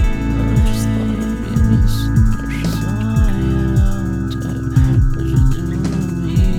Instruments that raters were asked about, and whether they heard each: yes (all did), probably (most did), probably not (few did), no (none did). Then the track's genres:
bass: probably
Electronic; Lo-Fi; Experimental